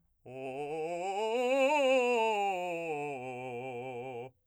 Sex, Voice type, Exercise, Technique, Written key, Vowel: male, , scales, fast/articulated forte, C major, o